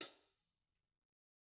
<region> pitch_keycenter=42 lokey=42 hikey=42 volume=28.626433 offset=150 lovel=55 hivel=83 seq_position=1 seq_length=2 ampeg_attack=0.004000 ampeg_release=30.000000 sample=Idiophones/Struck Idiophones/Hi-Hat Cymbal/HiHat_HitC_v2_rr1_Mid.wav